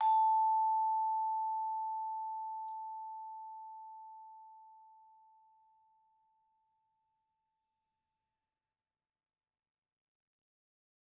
<region> pitch_keycenter=81 lokey=80 hikey=82 volume=16.835732 offset=96 lovel=0 hivel=83 ampeg_attack=0.004000 ampeg_release=15.000000 sample=Idiophones/Struck Idiophones/Vibraphone/Hard Mallets/Vibes_hard_A4_v2_rr1_Main.wav